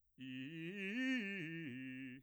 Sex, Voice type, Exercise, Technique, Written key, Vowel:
male, bass, arpeggios, fast/articulated piano, C major, i